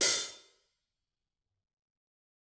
<region> pitch_keycenter=43 lokey=43 hikey=43 volume=10.047097 offset=179 seq_position=2 seq_length=2 ampeg_attack=0.004000 ampeg_release=30.000000 sample=Idiophones/Struck Idiophones/Hi-Hat Cymbal/HiHat_HitLoose_rr2_Mid.wav